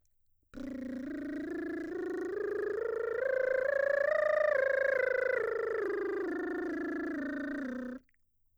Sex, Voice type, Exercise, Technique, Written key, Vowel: female, mezzo-soprano, scales, lip trill, , a